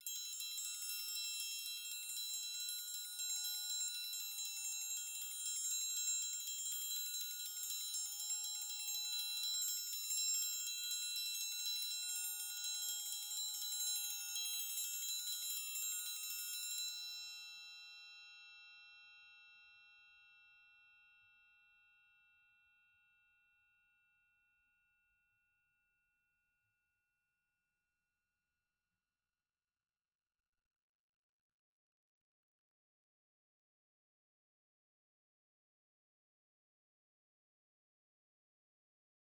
<region> pitch_keycenter=68 lokey=68 hikey=68 volume=20.000000 offset=200 ampeg_attack=0.004000 ampeg_release=2 sample=Idiophones/Struck Idiophones/Triangles/Triangle3_Roll_v2_rr1_Mid.wav